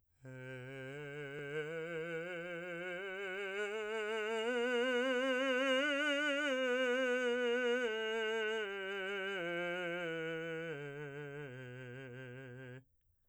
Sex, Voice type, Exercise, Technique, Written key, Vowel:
male, , scales, slow/legato piano, C major, e